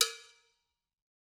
<region> pitch_keycenter=64 lokey=64 hikey=64 volume=0.982222 offset=190 lovel=84 hivel=127 ampeg_attack=0.004000 ampeg_release=15.000000 sample=Idiophones/Struck Idiophones/Cowbells/Cowbell2_Muted_v3_rr1_Mid.wav